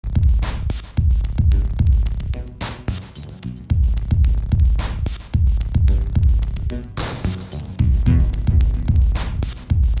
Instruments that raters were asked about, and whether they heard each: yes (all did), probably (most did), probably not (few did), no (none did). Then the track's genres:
voice: no
cello: no
drums: probably
trumpet: no
Glitch; IDM; Breakbeat